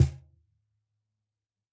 <region> pitch_keycenter=61 lokey=61 hikey=61 volume=2.359299 lovel=66 hivel=99 seq_position=2 seq_length=2 ampeg_attack=0.004000 ampeg_release=30.000000 sample=Idiophones/Struck Idiophones/Cajon/Cajon_hit2_mp_rr1.wav